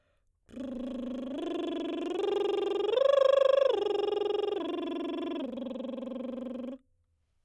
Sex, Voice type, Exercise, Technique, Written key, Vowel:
female, soprano, arpeggios, lip trill, , o